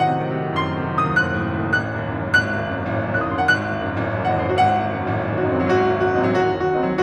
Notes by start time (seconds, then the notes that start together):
0.00 A2 F#5
0.13 C3
0.23 D#3
0.33 C3
0.41 A2
0.55 F#2 C6
0.66 A2
0.75 C3
0.88 A2
0.98 F#2
1.02 D#6
1.10 D#2 F#6
1.21 F#2
1.30 G#2
1.38 F#2
1.46 D#2
1.54 C2
1.67 A1 F#6
1.75 C2
1.85 D#2
1.96 F#2
2.08 D#2
2.15 C2
2.26 G#1 F#6
2.43 C2
2.58 D#2
2.67 F#2
2.75 D#2
2.84 C2
2.94 A1
3.02 C2
3.11 D#2 F#6
3.20 F#2 D#6
3.30 D#2 C6
3.40 C2 F#5
3.55 G#1 F#6
3.63 C2
3.74 D#2
3.83 F#2
3.96 D#2
4.05 C2
4.11 A1
4.18 C2
4.26 D#2 F#5
4.37 F#2 D#5
4.47 D#2 C5
4.59 C2 F#4
4.68 G#1 F#5
4.81 C2
4.89 D#2
4.97 F#2
5.09 D#2
5.17 C2
5.25 A1
5.32 C2
5.42 D#2 F#4
5.51 F#2 D#4
5.63 D#2 C4
5.72 C2 F#3
5.82 G#1 F#4
5.91 C2
5.98 D#2 F#4
6.10 F#2 D#4
6.16 D#2 C4
6.23 C2 F#3
6.34 A1 F#4
6.51 C2
6.63 D#2 F#4
6.73 F#2 D#4
6.82 D#2 C4
6.90 C2 F#3